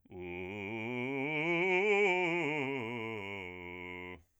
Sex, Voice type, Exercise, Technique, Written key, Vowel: male, bass, scales, fast/articulated forte, F major, u